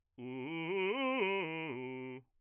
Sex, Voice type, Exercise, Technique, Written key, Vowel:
male, bass, arpeggios, fast/articulated forte, C major, u